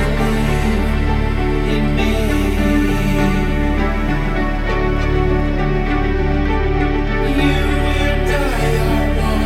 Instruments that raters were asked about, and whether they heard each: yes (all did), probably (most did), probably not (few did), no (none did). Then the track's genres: cello: probably not
Ambient Electronic; Ambient